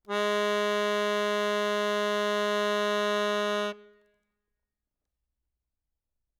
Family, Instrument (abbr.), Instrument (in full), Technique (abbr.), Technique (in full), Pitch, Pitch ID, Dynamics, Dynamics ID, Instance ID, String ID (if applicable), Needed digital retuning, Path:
Keyboards, Acc, Accordion, ord, ordinario, G#3, 56, ff, 4, 2, , FALSE, Keyboards/Accordion/ordinario/Acc-ord-G#3-ff-alt2-N.wav